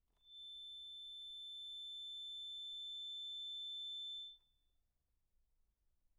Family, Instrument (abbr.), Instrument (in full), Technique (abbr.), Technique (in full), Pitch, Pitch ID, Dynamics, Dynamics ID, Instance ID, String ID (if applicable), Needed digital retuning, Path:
Keyboards, Acc, Accordion, ord, ordinario, A7, 105, pp, 0, 0, , FALSE, Keyboards/Accordion/ordinario/Acc-ord-A7-pp-N-N.wav